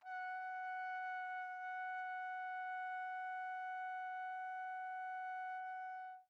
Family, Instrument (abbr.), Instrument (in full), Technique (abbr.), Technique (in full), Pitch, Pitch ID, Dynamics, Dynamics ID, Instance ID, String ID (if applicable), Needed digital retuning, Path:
Brass, TpC, Trumpet in C, ord, ordinario, F#5, 78, pp, 0, 0, , TRUE, Brass/Trumpet_C/ordinario/TpC-ord-F#5-pp-N-T22d.wav